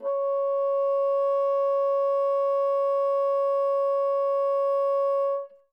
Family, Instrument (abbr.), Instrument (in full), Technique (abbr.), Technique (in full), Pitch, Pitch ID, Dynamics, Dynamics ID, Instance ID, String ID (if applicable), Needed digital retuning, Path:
Winds, Bn, Bassoon, ord, ordinario, C#5, 73, mf, 2, 0, , FALSE, Winds/Bassoon/ordinario/Bn-ord-C#5-mf-N-N.wav